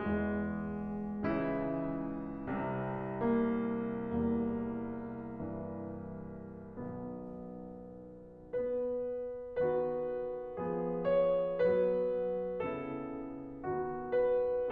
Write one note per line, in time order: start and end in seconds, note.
0.01 1.29 E3
0.01 1.29 G#3
1.30 2.59 C#2
1.30 2.59 C#3
1.30 4.18 E3
1.30 3.34 E4
2.60 4.18 C2
2.60 4.18 C3
3.37 4.18 A#3
4.19 6.80 C2
4.19 5.46 E2
4.19 5.46 G3
4.19 6.80 A#3
5.46 6.80 G2
5.46 6.80 E3
6.82 8.29 B1
6.82 8.29 B2
6.82 8.29 D#3
6.82 8.29 B3
8.30 9.62 B3
8.30 9.62 B4
9.64 10.58 D#3
9.64 10.58 B3
9.64 10.58 F#4
9.64 11.19 B4
10.59 11.60 F3
10.59 11.60 B3
10.59 11.60 G#4
11.22 11.60 C#5
11.61 12.62 F#3
11.61 12.62 B3
11.61 12.62 B4
12.63 13.64 C#3
12.63 13.64 B3
12.63 13.64 E4
12.63 14.19 A4
13.65 14.71 D#3
13.65 14.71 B3
13.65 14.71 F#4
14.20 14.71 B4